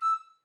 <region> pitch_keycenter=88 lokey=88 hikey=89 tune=1 volume=15.428501 offset=273 ampeg_attack=0.005 ampeg_release=10.000000 sample=Aerophones/Edge-blown Aerophones/Baroque Soprano Recorder/Staccato/SopRecorder_Stac_E5_rr1_Main.wav